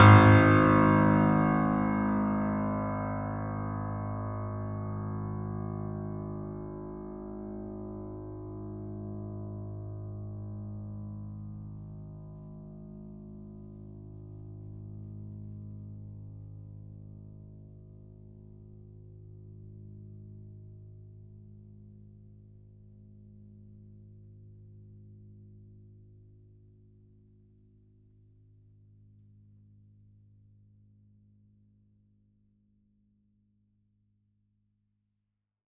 <region> pitch_keycenter=32 lokey=32 hikey=33 volume=-0.213363 lovel=66 hivel=99 locc64=65 hicc64=127 ampeg_attack=0.004000 ampeg_release=0.400000 sample=Chordophones/Zithers/Grand Piano, Steinway B/Sus/Piano_Sus_Close_G#1_vl3_rr1.wav